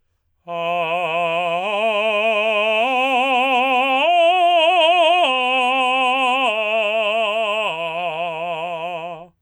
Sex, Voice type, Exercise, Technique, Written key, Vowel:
male, tenor, arpeggios, slow/legato forte, F major, a